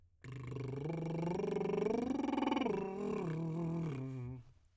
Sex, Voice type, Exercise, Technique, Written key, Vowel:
male, tenor, arpeggios, lip trill, , u